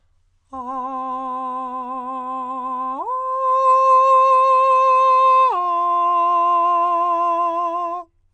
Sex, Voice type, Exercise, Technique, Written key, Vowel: male, countertenor, long tones, full voice forte, , a